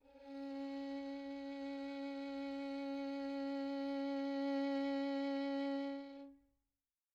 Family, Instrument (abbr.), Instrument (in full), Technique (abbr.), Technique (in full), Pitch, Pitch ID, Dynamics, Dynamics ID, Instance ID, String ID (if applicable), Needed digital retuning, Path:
Strings, Vn, Violin, ord, ordinario, C#4, 61, pp, 0, 3, 4, FALSE, Strings/Violin/ordinario/Vn-ord-C#4-pp-4c-N.wav